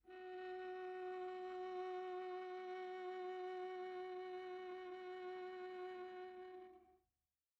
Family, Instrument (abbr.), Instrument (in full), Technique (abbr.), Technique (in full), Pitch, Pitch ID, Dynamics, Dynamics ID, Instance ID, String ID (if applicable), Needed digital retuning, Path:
Strings, Va, Viola, ord, ordinario, F#4, 66, pp, 0, 3, 4, FALSE, Strings/Viola/ordinario/Va-ord-F#4-pp-4c-N.wav